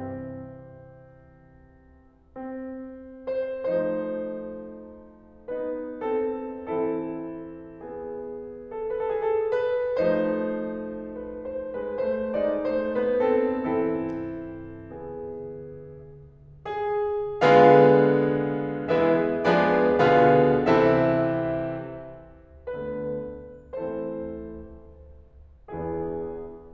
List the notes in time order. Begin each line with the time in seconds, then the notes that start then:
0.00 C3 E3 C4
2.26 C4
3.23 C5
3.70 F3 A3 D#4 C5
5.55 B3 D#4 B4
6.07 C4 A4
6.72 E3 C4 E4 A4
7.87 B3 G#4
8.73 A4
8.97 B4
9.04 A4
9.11 G#4
9.20 A4
9.53 B4
10.11 F3 A3 D#4 C5
11.25 B4
11.55 C5
11.78 G#3 B4
12.02 A3 C5
12.36 G#3 D#4 D5
12.65 A3 C5
12.89 B3 B4
13.19 C4 A4
13.49 E3 C4 E4 A4
14.95 B3 G#4
16.74 G#4
17.41 D3 G#3 A#3 F4 G#4 B4 F5
18.88 E3 G#3 A#3 E4 G#4 B4 E5
19.47 F3 G#3 A#3 D4 G#4 B4 D5
20.04 B2 D3 A#3 F4 G#4 F5
20.61 C3 E3 C4 E4 A4 E5
22.70 D3 A3 B3 F4 A4 B4
23.71 E3 A3 C4 E4 A4 C5
25.72 E2 E3 B3 D4 E4 G#4